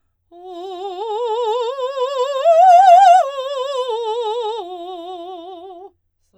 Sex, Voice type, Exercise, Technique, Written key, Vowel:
female, soprano, arpeggios, slow/legato forte, F major, o